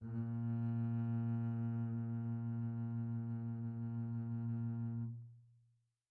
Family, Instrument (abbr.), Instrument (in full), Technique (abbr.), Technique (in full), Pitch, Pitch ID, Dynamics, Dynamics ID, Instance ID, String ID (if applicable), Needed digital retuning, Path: Strings, Cb, Contrabass, ord, ordinario, A#2, 46, pp, 0, 2, 3, FALSE, Strings/Contrabass/ordinario/Cb-ord-A#2-pp-3c-N.wav